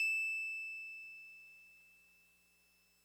<region> pitch_keycenter=100 lokey=99 hikey=102 volume=21.164878 lovel=0 hivel=65 ampeg_attack=0.004000 ampeg_release=0.100000 sample=Electrophones/TX81Z/Piano 1/Piano 1_E6_vl1.wav